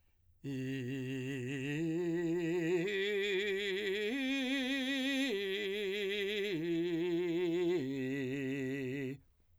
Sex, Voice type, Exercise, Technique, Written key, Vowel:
male, , arpeggios, vibrato, , i